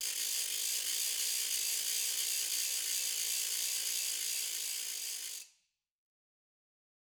<region> pitch_keycenter=61 lokey=61 hikey=61 volume=15.000000 offset=179 ampeg_attack=0.004000 ampeg_release=1.000000 sample=Idiophones/Struck Idiophones/Ratchet/Ratchet1_Fast_rr1_Mid.wav